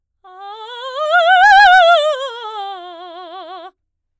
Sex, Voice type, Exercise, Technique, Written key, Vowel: female, soprano, scales, fast/articulated forte, F major, a